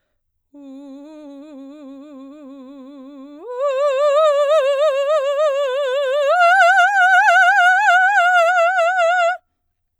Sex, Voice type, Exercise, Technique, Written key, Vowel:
female, soprano, long tones, trill (upper semitone), , u